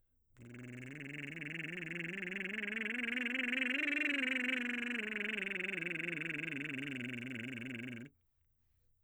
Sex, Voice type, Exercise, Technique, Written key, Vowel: male, baritone, scales, lip trill, , e